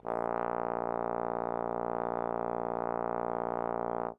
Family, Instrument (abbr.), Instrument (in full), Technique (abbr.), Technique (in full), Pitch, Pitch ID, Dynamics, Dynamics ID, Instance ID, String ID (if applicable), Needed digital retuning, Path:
Brass, Tbn, Trombone, ord, ordinario, A#1, 34, mf, 2, 0, , FALSE, Brass/Trombone/ordinario/Tbn-ord-A#1-mf-N-N.wav